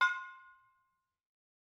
<region> pitch_keycenter=63 lokey=63 hikey=63 volume=2.291335 offset=265 lovel=100 hivel=127 ampeg_attack=0.004000 ampeg_release=10.000000 sample=Idiophones/Struck Idiophones/Brake Drum/BrakeDrum1_YarnM_v3_rr1_Mid.wav